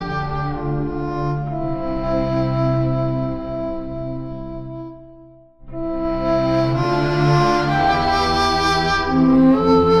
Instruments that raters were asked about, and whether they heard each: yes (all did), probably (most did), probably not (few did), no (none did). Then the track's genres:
accordion: no
cello: probably
Soundtrack; Ambient Electronic; Unclassifiable